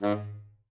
<region> pitch_keycenter=44 lokey=44 hikey=45 tune=10 volume=13.836573 offset=87 ampeg_attack=0.004000 ampeg_release=1.500000 sample=Aerophones/Reed Aerophones/Tenor Saxophone/Staccato/Tenor_Staccato_Main_G#1_vl2_rr1.wav